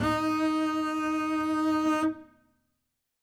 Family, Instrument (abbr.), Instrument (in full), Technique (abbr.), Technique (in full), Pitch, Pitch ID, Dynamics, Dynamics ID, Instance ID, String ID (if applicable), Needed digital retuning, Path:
Strings, Cb, Contrabass, ord, ordinario, D#4, 63, ff, 4, 0, 1, TRUE, Strings/Contrabass/ordinario/Cb-ord-D#4-ff-1c-T20u.wav